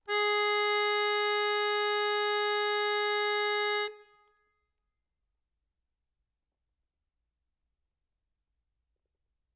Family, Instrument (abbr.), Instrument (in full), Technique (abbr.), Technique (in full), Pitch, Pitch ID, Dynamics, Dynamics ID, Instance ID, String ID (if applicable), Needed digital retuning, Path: Keyboards, Acc, Accordion, ord, ordinario, G#4, 68, ff, 4, 0, , FALSE, Keyboards/Accordion/ordinario/Acc-ord-G#4-ff-N-N.wav